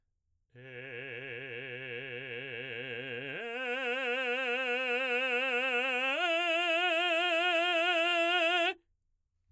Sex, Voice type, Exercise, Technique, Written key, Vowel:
male, baritone, long tones, full voice forte, , e